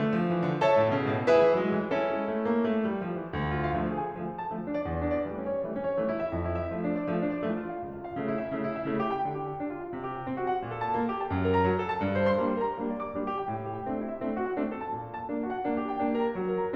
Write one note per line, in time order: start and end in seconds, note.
0.00 0.14 A3
0.15 0.28 F3
0.29 0.44 E3
0.45 0.63 D3
0.64 0.99 A4
0.64 0.99 C#5
0.64 0.99 E5
0.64 0.99 A5
0.79 0.88 A2
0.89 0.99 B2
0.99 1.10 C#3
1.10 1.18 B2
1.20 1.29 A2
1.29 1.59 E4
1.29 1.59 G#4
1.29 1.59 B4
1.29 1.59 E5
1.38 1.49 E3
1.49 1.59 F#3
1.60 1.70 G#3
1.71 1.80 F#3
1.80 1.92 E3
1.93 2.29 C#4
1.93 2.29 E4
1.93 2.29 A4
2.10 2.29 G#3
2.30 2.50 A3
2.51 2.67 A#3
2.68 2.83 A3
2.83 3.02 G3
3.02 3.17 F3
3.17 3.32 E3
3.32 3.69 D2
3.46 3.55 F4
3.55 3.69 F5
3.69 4.17 D3
3.69 4.17 F3
3.69 4.17 A3
3.92 4.04 G#4
4.04 4.17 G#5
4.19 4.54 D3
4.19 4.54 F3
4.19 4.54 A3
4.31 4.45 A4
4.45 4.54 A5
4.55 4.89 D3
4.55 4.89 F3
4.55 4.89 A3
4.67 4.78 D4
4.79 4.89 D5
4.90 5.25 E2
5.03 5.14 D4
5.15 5.25 D5
5.25 5.60 E3
5.25 5.60 G3
5.25 5.60 A3
5.34 5.47 C#4
5.50 5.60 C#5
5.60 5.98 E3
5.60 5.98 G3
5.60 5.98 A3
5.72 5.84 C#4
5.84 5.98 C#5
5.98 6.27 E3
5.98 6.27 G3
5.98 6.27 A3
6.06 6.16 E4
6.16 6.27 E5
6.28 6.73 F2
6.41 6.55 E4
6.55 6.73 E5
6.75 7.11 F3
6.75 7.11 A3
6.86 7.00 D4
7.01 7.11 D5
7.12 7.47 F3
7.12 7.47 A3
7.21 7.29 D4
7.30 7.47 D5
7.47 7.83 F3
7.47 7.83 A3
7.60 7.73 F4
7.74 7.83 F5
7.83 8.21 C#2
7.98 8.08 F4
8.09 8.21 F5
8.21 8.56 C#3
8.21 8.56 A3
8.32 8.46 E4
8.46 8.56 E5
8.57 8.87 C#3
8.57 8.87 A3
8.67 8.75 E4
8.75 8.87 E5
8.89 9.23 C#3
8.89 9.23 A3
9.02 9.13 G4
9.13 9.23 G5
9.24 9.56 D3
9.33 9.43 G4
9.44 9.56 G5
9.58 9.97 D4
9.72 9.83 F4
9.85 9.97 F5
9.97 10.30 C3
10.07 10.16 G4
10.17 10.30 G5
10.30 10.62 C4
10.43 10.52 F#4
10.52 10.62 F#5
10.63 10.97 A#2
10.76 10.87 A4
10.87 10.97 A5
10.98 11.31 A#3
11.09 11.19 G4
11.19 11.31 G5
11.32 11.68 F#2
11.44 11.55 A#4
11.56 11.68 A#5
11.69 11.99 F#3
11.81 11.90 A4
11.91 11.99 A5
11.99 12.43 G2
12.20 12.33 C5
12.34 12.43 C6
12.43 12.79 G3
12.43 12.79 A#3
12.43 12.79 D4
12.55 12.64 A#4
12.64 12.79 A#5
12.79 13.15 G3
12.79 13.15 A#3
12.79 13.15 D4
12.96 13.05 D5
13.05 13.15 D6
13.15 13.47 G3
13.15 13.47 A#3
13.15 13.47 D4
13.26 13.37 G4
13.37 13.47 G5
13.48 13.87 A2
13.58 13.75 G4
13.76 13.87 G5
13.89 14.21 A3
13.89 14.21 C4
13.89 14.21 D4
14.00 14.11 E4
14.12 14.21 E5
14.21 14.58 A3
14.21 14.58 C4
14.21 14.58 D4
14.34 14.45 F#4
14.47 14.58 F#5
14.58 14.94 A3
14.58 14.94 C4
14.58 14.94 D4
14.71 14.81 A4
14.81 14.94 A5
14.94 15.26 A#2
15.05 15.16 A4
15.16 15.26 A5
15.27 15.66 A#3
15.27 15.66 D4
15.41 15.50 F#4
15.50 15.66 F#5
15.67 16.01 A#3
15.67 16.01 D4
15.80 15.91 G4
15.92 16.01 G5
16.02 16.37 A#3
16.02 16.37 D4
16.16 16.25 A#4
16.27 16.37 A#5
16.37 16.76 F#3
16.49 16.60 A#4
16.61 16.76 A#5